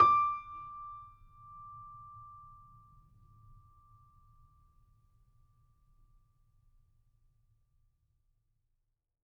<region> pitch_keycenter=86 lokey=86 hikey=87 volume=-0.629900 lovel=66 hivel=99 locc64=0 hicc64=64 ampeg_attack=0.004000 ampeg_release=0.400000 sample=Chordophones/Zithers/Grand Piano, Steinway B/NoSus/Piano_NoSus_Close_D6_vl3_rr1.wav